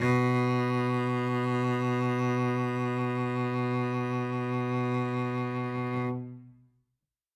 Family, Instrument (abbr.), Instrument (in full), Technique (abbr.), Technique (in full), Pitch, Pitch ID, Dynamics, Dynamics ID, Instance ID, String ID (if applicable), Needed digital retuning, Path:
Strings, Vc, Cello, ord, ordinario, B2, 47, ff, 4, 2, 3, FALSE, Strings/Violoncello/ordinario/Vc-ord-B2-ff-3c-N.wav